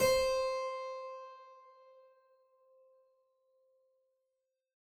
<region> pitch_keycenter=72 lokey=72 hikey=73 volume=-0.405517 trigger=attack ampeg_attack=0.004000 ampeg_release=0.400000 amp_veltrack=0 sample=Chordophones/Zithers/Harpsichord, Flemish/Sustains/Low/Harpsi_Low_Far_C4_rr1.wav